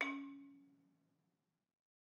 <region> pitch_keycenter=61 lokey=60 hikey=63 volume=7.137622 offset=202 lovel=100 hivel=127 ampeg_attack=0.004000 ampeg_release=30.000000 sample=Idiophones/Struck Idiophones/Balafon/Soft Mallet/EthnicXylo_softM_C#3_vl3_rr1_Mid.wav